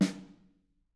<region> pitch_keycenter=61 lokey=61 hikey=61 volume=12.816525 offset=206 lovel=84 hivel=106 seq_position=2 seq_length=2 ampeg_attack=0.004000 ampeg_release=15.000000 sample=Membranophones/Struck Membranophones/Snare Drum, Modern 2/Snare3M_HitSN_v4_rr2_Mid.wav